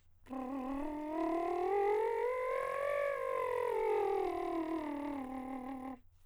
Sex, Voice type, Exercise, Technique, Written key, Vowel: male, countertenor, scales, lip trill, , u